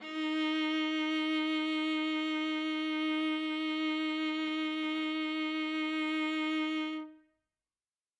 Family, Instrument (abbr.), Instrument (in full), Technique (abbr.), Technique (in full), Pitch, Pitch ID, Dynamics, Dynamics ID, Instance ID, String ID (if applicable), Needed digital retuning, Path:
Strings, Va, Viola, ord, ordinario, D#4, 63, ff, 4, 2, 3, FALSE, Strings/Viola/ordinario/Va-ord-D#4-ff-3c-N.wav